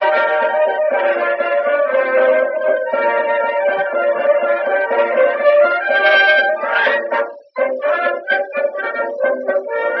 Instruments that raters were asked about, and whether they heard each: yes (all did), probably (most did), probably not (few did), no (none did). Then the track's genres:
trombone: no
trumpet: probably not
Classical; Old-Time / Historic